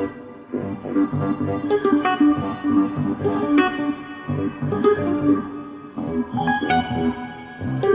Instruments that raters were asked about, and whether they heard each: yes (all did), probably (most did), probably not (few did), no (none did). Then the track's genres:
accordion: no
organ: probably not
Pop; Psych-Folk; Experimental Pop